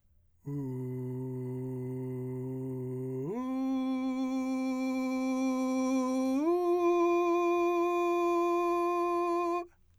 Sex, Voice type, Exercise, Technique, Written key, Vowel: male, , long tones, straight tone, , u